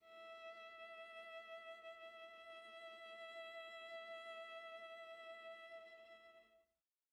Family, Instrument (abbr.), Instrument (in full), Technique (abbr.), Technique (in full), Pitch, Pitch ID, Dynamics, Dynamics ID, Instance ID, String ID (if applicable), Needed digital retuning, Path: Strings, Va, Viola, ord, ordinario, E5, 76, pp, 0, 1, 2, TRUE, Strings/Viola/ordinario/Va-ord-E5-pp-2c-T11u.wav